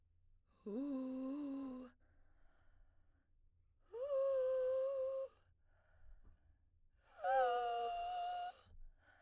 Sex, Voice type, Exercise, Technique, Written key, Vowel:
female, soprano, long tones, inhaled singing, , u